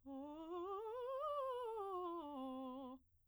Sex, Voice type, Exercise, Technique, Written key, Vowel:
female, soprano, scales, fast/articulated piano, C major, o